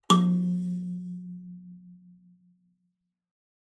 <region> pitch_keycenter=53 lokey=53 hikey=54 tune=-41 volume=2.599445 offset=4561 ampeg_attack=0.004000 ampeg_release=15.000000 sample=Idiophones/Plucked Idiophones/Kalimba, Tanzania/MBira3_pluck_Main_F2_k9alt_50_100_rr2.wav